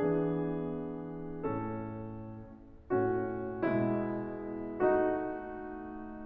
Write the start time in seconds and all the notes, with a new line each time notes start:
0.00 E3 B3 D4 G#4
1.39 A2 A3 C#4 A4
3.00 A2 A3 C#4 F#4
3.61 B2 G#3 B3 E4
4.85 A3 D#4 F#4